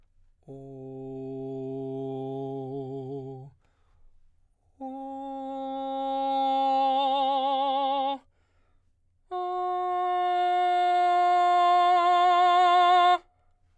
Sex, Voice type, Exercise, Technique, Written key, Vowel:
male, baritone, long tones, messa di voce, , o